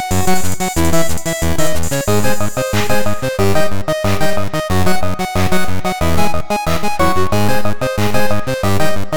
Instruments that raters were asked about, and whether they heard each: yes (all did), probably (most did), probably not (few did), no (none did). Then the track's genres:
synthesizer: yes
Electronic; Soundtrack; Chiptune